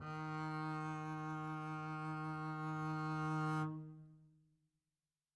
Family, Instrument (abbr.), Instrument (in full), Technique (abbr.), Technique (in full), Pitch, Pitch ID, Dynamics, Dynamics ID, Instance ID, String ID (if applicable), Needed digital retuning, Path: Strings, Cb, Contrabass, ord, ordinario, D#3, 51, mf, 2, 0, 1, FALSE, Strings/Contrabass/ordinario/Cb-ord-D#3-mf-1c-N.wav